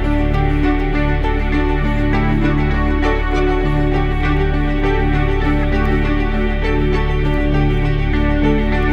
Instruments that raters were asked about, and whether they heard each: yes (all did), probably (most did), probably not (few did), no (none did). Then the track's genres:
cello: probably not
Ambient Electronic; Ambient